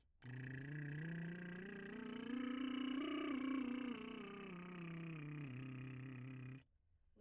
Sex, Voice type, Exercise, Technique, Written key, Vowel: male, , scales, lip trill, , i